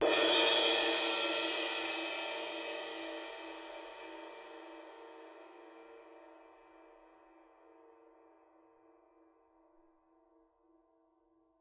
<region> pitch_keycenter=68 lokey=68 hikey=68 volume=14.217464 offset=107 lovel=84 hivel=106 ampeg_attack=0.004000 ampeg_release=30 sample=Idiophones/Struck Idiophones/Suspended Cymbal 1/susCymb1_hit_f1.wav